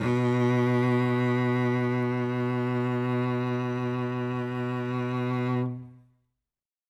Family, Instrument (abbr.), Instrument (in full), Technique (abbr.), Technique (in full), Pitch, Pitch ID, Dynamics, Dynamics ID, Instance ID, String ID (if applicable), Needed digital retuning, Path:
Strings, Vc, Cello, ord, ordinario, B2, 47, ff, 4, 3, 4, TRUE, Strings/Violoncello/ordinario/Vc-ord-B2-ff-4c-T11u.wav